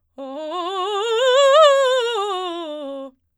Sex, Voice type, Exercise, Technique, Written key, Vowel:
female, soprano, scales, fast/articulated forte, C major, o